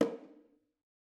<region> pitch_keycenter=61 lokey=61 hikey=61 volume=12.113683 offset=246 lovel=100 hivel=127 seq_position=2 seq_length=2 ampeg_attack=0.004000 ampeg_release=15.000000 sample=Membranophones/Struck Membranophones/Bongos/BongoH_HitMuted1_v3_rr2_Mid.wav